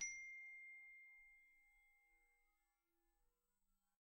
<region> pitch_keycenter=84 lokey=82 hikey=87 volume=30.736268 xfout_lovel=0 xfout_hivel=83 ampeg_attack=0.004000 ampeg_release=15.000000 sample=Idiophones/Struck Idiophones/Glockenspiel/glock_soft_C6_01.wav